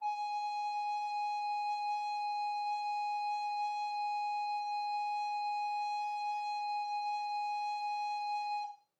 <region> pitch_keycenter=80 lokey=80 hikey=81 volume=19.737557 offset=291 ampeg_attack=0.005000 ampeg_release=0.300000 sample=Aerophones/Edge-blown Aerophones/Baroque Soprano Recorder/Sustain/SopRecorder_Sus_G#4_rr1_Main.wav